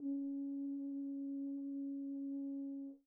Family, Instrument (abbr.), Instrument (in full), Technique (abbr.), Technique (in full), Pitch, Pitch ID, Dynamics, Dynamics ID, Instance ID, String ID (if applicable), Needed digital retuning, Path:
Brass, BTb, Bass Tuba, ord, ordinario, C#4, 61, pp, 0, 0, , FALSE, Brass/Bass_Tuba/ordinario/BTb-ord-C#4-pp-N-N.wav